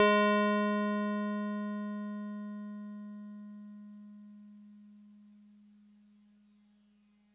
<region> pitch_keycenter=68 lokey=67 hikey=70 volume=9.819742 lovel=100 hivel=127 ampeg_attack=0.004000 ampeg_release=0.100000 sample=Electrophones/TX81Z/FM Piano/FMPiano_G#3_vl3.wav